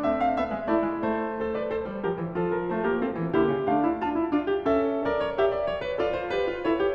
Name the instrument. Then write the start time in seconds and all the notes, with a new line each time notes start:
piano
0.00 A3 C4 E5
0.20 F5
0.39 B3 E5
0.55 G#3
0.70 A3 E4 D5
0.88 G#3
1.07 A3 C5
1.42 A4 C5
1.57 B4 D5
1.71 A4 C5
1.86 G3
2.03 F3 G4 A#4
2.19 E3
2.36 F3 F4 A4
2.55 A#4
2.69 A3 F4 C5
2.86 A#3 G4 A#4
3.02 C4 F4 A4
3.17 E3
3.33 D3 A#3 E4 G4
3.48 C#3
3.66 D3 A3 D4 F5
3.84 E4
4.01 D4 F4 A5
4.18 E4
4.33 D4 F4
4.50 G4
4.64 C#4 A4 E5
5.05 A#4 D5
5.22 C#5
5.38 G4 D5 E5
5.55 D5
5.71 C#5
5.85 B4
5.97 F4 A4 D5
6.15 C5
6.34 G4 B4
6.51 F4
6.63 E4 A4 C#5
6.79 G4